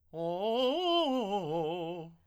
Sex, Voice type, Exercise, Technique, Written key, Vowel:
male, tenor, arpeggios, fast/articulated piano, F major, o